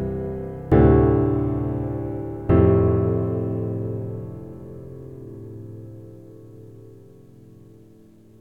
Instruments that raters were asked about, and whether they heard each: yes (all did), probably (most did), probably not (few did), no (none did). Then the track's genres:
piano: probably
Pop; Folk